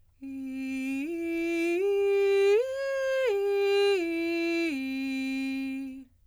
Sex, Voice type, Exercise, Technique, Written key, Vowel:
female, soprano, arpeggios, straight tone, , i